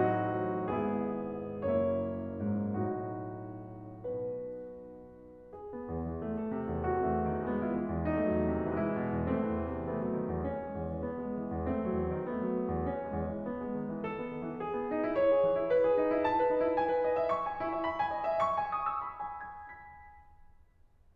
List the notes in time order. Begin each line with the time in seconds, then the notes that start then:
0.01 A1 A2 F#3 C4 D#4 F#4
0.67 G#1 G#2 B3 E4 G#4
1.76 F#1 F#2 A#3 E4 C#5
2.39 G#2
2.90 B1 A2 D#4 F#4
3.98 B2 B4
5.57 G#4
5.74 B3
5.89 E2
6.08 E3
6.29 A3
6.40 A4
6.52 C3
6.66 E2
6.80 F#4
7.00 A3 C4
7.13 E2
7.31 D#3
7.49 G#3 B3
7.69 E4
7.81 E3
7.95 E2
8.10 D#4
8.28 F#3 A3
8.41 E2
8.55 C3
8.69 E3 G#3
8.82 E4
8.98 B2
9.11 E2
9.25 A3 C4
9.38 E3
9.51 E2
9.69 C3
9.89 A3 B3
9.99 F#3
10.12 D#3
10.29 E2
10.44 C#4
10.64 G#3
10.81 E2
10.93 E3
11.07 B3
11.24 G#3
11.38 E3
11.50 E2
11.69 A3 C4
11.88 F#3
12.01 E2
12.15 D#3
12.30 A3 B3
12.54 F#3
12.67 D#3
12.81 E2
12.95 C#4
13.07 G#3
13.21 E2
13.37 E3
13.52 B3
13.65 G#3
13.79 D#3
13.94 E3
14.08 A4
14.20 B3
14.31 D#3
14.45 E3
14.63 G#4
14.76 B3
14.91 D#4
15.03 E4
15.17 C#5
15.32 G#4
15.45 E3
15.57 E4
15.71 B4
15.84 G#4
15.98 D#4
16.12 E4
16.22 A5
16.39 B4
16.49 D#4
16.61 E4
16.75 G#5
16.91 B4
17.06 D#5
17.19 E5
17.32 C#6
17.44 G#5
17.59 E4
17.72 E5
17.86 B5
17.99 G#5
18.12 D#5
18.27 E5
18.41 C#6
18.54 G#5
18.65 D#6
18.76 E6
18.91 B5
19.09 G#5
19.23 B6
19.39 D#7